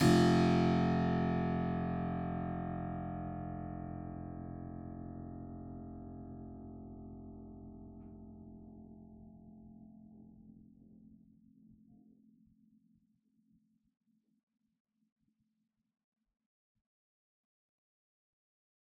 <region> pitch_keycenter=29 lokey=29 hikey=29 volume=0.312064 trigger=attack ampeg_attack=0.004000 ampeg_release=0.400000 amp_veltrack=0 sample=Chordophones/Zithers/Harpsichord, Unk/Sustains/Harpsi4_Sus_Main_F0_rr1.wav